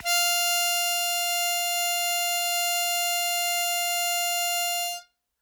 <region> pitch_keycenter=77 lokey=75 hikey=79 volume=4.159331 trigger=attack ampeg_attack=0.100000 ampeg_release=0.100000 sample=Aerophones/Free Aerophones/Harmonica-Hohner-Special20-F/Sustains/Accented/Hohner-Special20-F_Accented_F4.wav